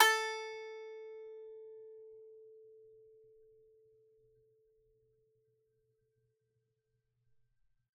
<region> pitch_keycenter=69 lokey=69 hikey=70 volume=-1.118447 lovel=100 hivel=127 ampeg_attack=0.004000 ampeg_release=15.000000 sample=Chordophones/Composite Chordophones/Strumstick/Finger/Strumstick_Finger_Str3_Main_A3_vl3_rr1.wav